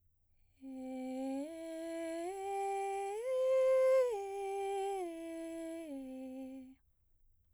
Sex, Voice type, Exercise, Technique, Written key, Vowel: female, soprano, arpeggios, breathy, , e